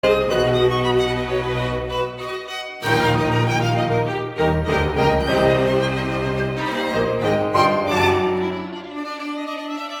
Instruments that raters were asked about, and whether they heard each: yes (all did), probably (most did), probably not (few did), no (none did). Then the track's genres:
guitar: no
violin: yes
banjo: no
Classical; Chamber Music